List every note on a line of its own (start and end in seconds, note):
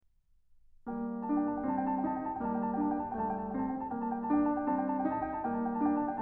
0.03 1.64 G3
0.03 1.26 A#3
0.03 0.82 A5
0.82 1.16 G5
1.16 1.29 A5
1.26 1.64 D4
1.26 1.39 G5
1.39 1.61 A5
1.61 2.41 G3
1.61 2.07 C4
1.61 1.69 G5
1.69 1.86 A5
1.86 2.04 G5
2.04 2.41 D#4
2.04 2.18 A5
2.18 2.36 G5
2.36 2.43 A5
2.41 3.18 G3
2.41 2.79 A#3
2.41 2.58 G5
2.58 2.67 A5
2.67 2.87 G5
2.79 3.18 D4
2.87 3.08 A5
3.08 3.15 G5
3.15 4.02 G3
3.15 3.67 A3
3.15 3.23 A5
3.23 3.39 G5
3.39 3.66 A5
3.66 4.02 C4
3.66 3.87 G5
3.87 3.95 A5
3.95 4.03 G5
4.02 4.76 G3
4.02 4.29 A#3
4.02 4.16 A5
4.16 4.25 G5
4.25 4.34 A5
4.29 4.76 D4
4.34 4.49 G5
4.49 4.72 A5
4.72 5.39 G3
4.72 5.08 C4
4.72 4.82 G5
4.82 4.99 A5
4.99 5.08 G5
5.08 5.39 D#4
5.08 5.24 A5
5.24 5.30 G5
5.30 5.41 A5
5.39 6.21 G3
5.39 5.80 A#3
5.39 5.65 G5
5.65 5.77 A5
5.77 6.21 D4
5.77 5.87 G5
5.87 5.98 A5
5.98 6.20 G5
6.20 6.21 A5